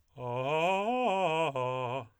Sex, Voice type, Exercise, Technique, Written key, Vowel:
male, tenor, arpeggios, fast/articulated piano, C major, a